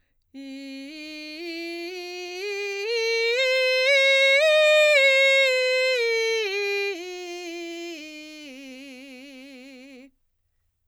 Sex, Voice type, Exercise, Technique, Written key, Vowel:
female, soprano, scales, belt, , i